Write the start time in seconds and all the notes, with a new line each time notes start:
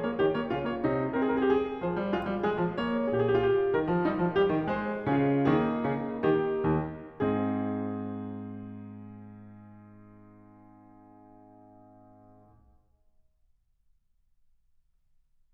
0.00 A#3 C#5
0.13 D#3 G4
0.27 A#3 C#5
0.43 C#3 F4
0.59 A#3 C#5
0.75 C3 D#4
1.09 C4 G#4
1.17 A#4
1.25 G#4
1.30 G4
1.51 G#4
1.85 F3 C5
1.99 G3
2.11 G#3 F4
2.26 G3
2.40 G#3 G#4
2.57 F3
2.75 A#3 C#5
3.09 A#2 G4
3.16 G#4
3.20 F4 G4
3.40 G4
3.69 D#3 A#4
3.84 F3
3.96 G3 D#4
4.16 F3
4.34 G3 G4
4.50 D#3
4.67 G#3 C5
5.05 C#3
5.11 C#4 F4 G#4
5.50 D#3 A#3 D#4 G#4
5.83 C#3
6.23 D#3 G4
6.73 D#2
7.21 G#2
7.26 C4 D#4 G#4